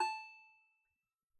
<region> pitch_keycenter=81 lokey=81 hikey=84 volume=9.352552 lovel=0 hivel=65 ampeg_attack=0.004000 ampeg_release=15.000000 sample=Chordophones/Composite Chordophones/Strumstick/Finger/Strumstick_Finger_Str3_Main_A4_vl1_rr1.wav